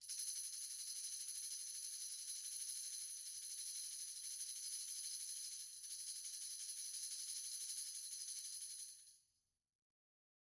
<region> pitch_keycenter=61 lokey=61 hikey=61 volume=21.643382 offset=326 lovel=66 hivel=99 ampeg_attack=0.004000 ampeg_release=1 sample=Idiophones/Struck Idiophones/Tambourine 1/Tamb1_Roll_v2_rr1_Mid.wav